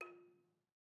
<region> pitch_keycenter=65 lokey=64 hikey=68 volume=23.342414 offset=123 lovel=0 hivel=65 ampeg_attack=0.004000 ampeg_release=30.000000 sample=Idiophones/Struck Idiophones/Balafon/Traditional Mallet/EthnicXylo_tradM_F3_vl1_rr1_Mid.wav